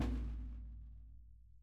<region> pitch_keycenter=65 lokey=65 hikey=65 volume=17.506109 lovel=55 hivel=83 seq_position=2 seq_length=2 ampeg_attack=0.004000 ampeg_release=30.000000 sample=Membranophones/Struck Membranophones/Snare Drum, Rope Tension/Low/RopeSnare_low_tsn_Main_vl2_rr1.wav